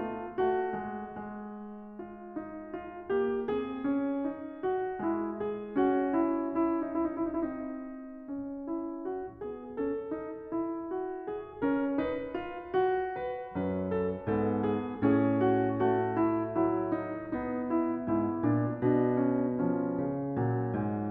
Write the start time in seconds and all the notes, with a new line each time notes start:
0.00 A3 F4
0.41 A3 F#4
0.67 G#3
1.18 G#3
2.11 F4
2.41 D#4
2.71 F4
3.11 A#3 G4
3.49 C4 G#4
3.81 C#4
4.31 D#4
4.60 F#4
5.00 G#3 E4
5.28 G#4
5.75 C#4 F#4
6.12 E4
6.59 E4
6.86 D#4
7.00 E4
7.08 D#4
7.20 E4
7.28 D#4
7.35 E4
7.44 D#4
7.51 C4
8.25 C#4
8.71 E4
9.04 F#4
9.42 B3 G#4
9.75 C#4 A4
10.07 D#4
10.52 E4
10.92 F#4
11.24 G#4
11.62 C#4 A#4
12.03 D#4 B4
12.33 F4
12.72 F#4
13.18 B4
13.57 F#2 C#4 B4
13.91 A4
14.26 G#2 B3 A4
14.59 G#4
15.01 A2 C#4 G#4
15.35 F#4
15.81 A3 F#4
16.13 E4
16.59 F#3 E4
17.00 D#4
17.35 B3 D#4
17.69 E4
18.13 G#2 E4
18.44 A#2 D4
18.82 B2 D4
19.14 C#4
19.66 F3 C#4
19.99 C#3
20.35 A#2 F#3
20.74 G#2
21.10 A#2